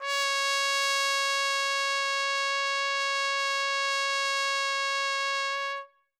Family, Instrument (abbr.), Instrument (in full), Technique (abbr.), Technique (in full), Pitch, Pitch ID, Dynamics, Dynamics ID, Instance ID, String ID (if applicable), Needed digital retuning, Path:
Brass, TpC, Trumpet in C, ord, ordinario, C#5, 73, ff, 4, 0, , FALSE, Brass/Trumpet_C/ordinario/TpC-ord-C#5-ff-N-N.wav